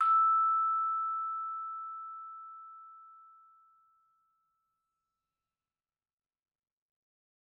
<region> pitch_keycenter=88 lokey=87 hikey=89 volume=12.716727 offset=80 lovel=0 hivel=83 ampeg_attack=0.004000 ampeg_release=15.000000 sample=Idiophones/Struck Idiophones/Vibraphone/Hard Mallets/Vibes_hard_E5_v2_rr1_Main.wav